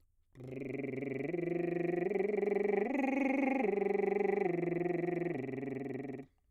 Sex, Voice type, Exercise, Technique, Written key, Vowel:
male, bass, arpeggios, lip trill, , o